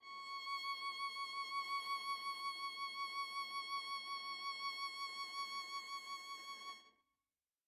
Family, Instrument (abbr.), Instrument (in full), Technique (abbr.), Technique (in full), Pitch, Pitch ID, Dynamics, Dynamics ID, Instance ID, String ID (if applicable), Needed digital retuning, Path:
Strings, Va, Viola, ord, ordinario, C#6, 85, mf, 2, 0, 1, FALSE, Strings/Viola/ordinario/Va-ord-C#6-mf-1c-N.wav